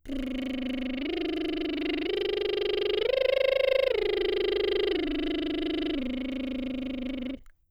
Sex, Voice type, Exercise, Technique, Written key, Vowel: female, soprano, arpeggios, lip trill, , i